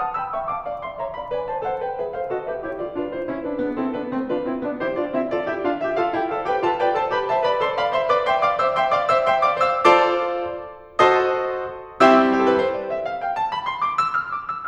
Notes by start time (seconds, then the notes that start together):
0.00 F#5 A5 D#6
0.15 G5 B5 E6
0.33 E5 G5 C#6
0.51 F5 A5 D6
0.66 D5 F5 B5
0.85 E5 G5 C6
1.00 C#5 E5 A#5
1.15 D5 F5 B5
1.30 B4 D5 G#5
1.47 C5 E5 A5
1.65 A4 C5 F#5
1.80 B4 D5 G5
2.00 G#4 B4 E5
2.14 A4 C5 F5
2.26 F#4 A4 D#5
2.44 G4 B4 E5
2.61 E4 G4 C#5
2.77 F4 A4 D5
2.95 D4 F4 B4
3.12 E4 G4 C5
3.29 C#4 E4 A#4
3.45 D4 F4 B4
3.60 B3 D4 G#4
3.74 C4 E4 A4
3.97 B3 D4 B4
4.12 A3 C4 C5
4.31 D4 F4 B4
4.48 C4 E4 C5
4.67 B3 D4 D5
4.84 E4 G4 C5
5.00 D4 F4 D5
5.15 C4 E4 E5
5.32 F4 A4 D5
5.49 E4 G4 E5
5.65 D4 F4 F5
5.82 G4 B4 E5
5.98 F4 A4 F5
6.18 E4 G4 G5
6.34 A4 C5 F5
6.47 G4 B4 G5
6.65 F4 A4 A5
6.82 B4 D5 G5
6.97 A4 C5 A5
7.12 G4 B4 B5
7.27 C5 E5 A5
7.43 B4 D5 B5
7.58 A4 C5 C6
7.73 D5 F5 B5
7.92 C5 E5 C6
8.10 B4 D5 D6
8.28 E5 G5 C6
8.44 D5 F5 D6
8.57 C5 E5 E6
8.74 E5 G5 C6
8.92 D5 F5 D6
9.08 C5 E5 E6
9.25 E5 G5 C6
9.43 D5 F5 D6
9.60 C5 E5 E6
9.80 F4 A4 C5 D5 A5 C6 D6
10.98 F#4 A4 C5 D#5 F#5 A5 C6 D#6
12.00 G3 C4 E4 G4 E5 G5 C6 E6
12.38 G4
12.43 A4
12.53 B4
12.59 C5
12.75 D5
12.93 E5
13.10 F5
13.25 G5
13.39 A5
13.53 B5
13.64 C6
13.82 D6
13.97 E6
14.15 F6
14.25 D6
14.38 E6
14.57 F6